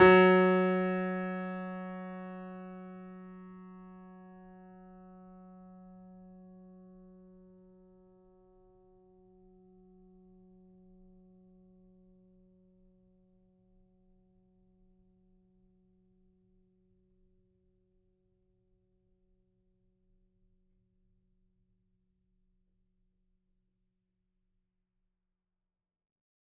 <region> pitch_keycenter=54 lokey=54 hikey=55 volume=0.104483 lovel=100 hivel=127 locc64=0 hicc64=64 ampeg_attack=0.004000 ampeg_release=0.400000 sample=Chordophones/Zithers/Grand Piano, Steinway B/NoSus/Piano_NoSus_Close_F#3_vl4_rr1.wav